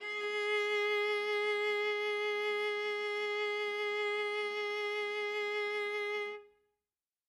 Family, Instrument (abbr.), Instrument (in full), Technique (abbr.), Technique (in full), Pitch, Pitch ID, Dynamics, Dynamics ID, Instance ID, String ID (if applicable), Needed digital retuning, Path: Strings, Va, Viola, ord, ordinario, G#4, 68, ff, 4, 1, 2, FALSE, Strings/Viola/ordinario/Va-ord-G#4-ff-2c-N.wav